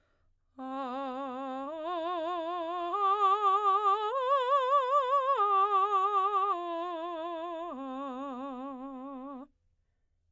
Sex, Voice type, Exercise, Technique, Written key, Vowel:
female, soprano, arpeggios, slow/legato piano, C major, a